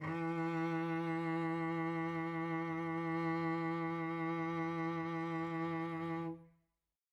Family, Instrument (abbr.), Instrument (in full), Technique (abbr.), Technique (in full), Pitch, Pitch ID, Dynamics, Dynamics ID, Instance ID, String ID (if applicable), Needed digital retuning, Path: Strings, Vc, Cello, ord, ordinario, E3, 52, mf, 2, 3, 4, TRUE, Strings/Violoncello/ordinario/Vc-ord-E3-mf-4c-T11u.wav